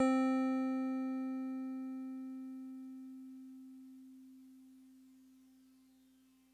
<region> pitch_keycenter=72 lokey=71 hikey=74 volume=15.345743 lovel=0 hivel=65 ampeg_attack=0.004000 ampeg_release=0.100000 sample=Electrophones/TX81Z/FM Piano/FMPiano_C4_vl1.wav